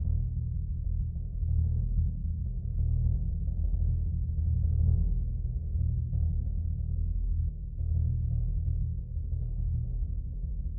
<region> pitch_keycenter=64 lokey=64 hikey=64 volume=17.357367 lovel=55 hivel=83 ampeg_attack=0.004000 ampeg_release=2.000000 sample=Membranophones/Struck Membranophones/Bass Drum 2/bassdrum_roll_fast_mp.wav